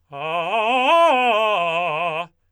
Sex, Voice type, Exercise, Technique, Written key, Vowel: male, tenor, arpeggios, fast/articulated forte, F major, a